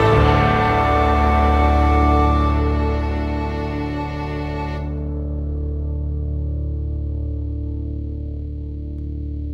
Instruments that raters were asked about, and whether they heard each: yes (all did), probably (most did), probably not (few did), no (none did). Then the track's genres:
cello: probably not
Pop; Folk; Indie-Rock